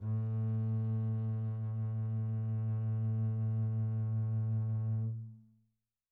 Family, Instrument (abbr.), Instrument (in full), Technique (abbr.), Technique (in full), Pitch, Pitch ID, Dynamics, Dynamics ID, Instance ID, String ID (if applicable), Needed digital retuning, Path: Strings, Cb, Contrabass, ord, ordinario, A2, 45, pp, 0, 3, 4, FALSE, Strings/Contrabass/ordinario/Cb-ord-A2-pp-4c-N.wav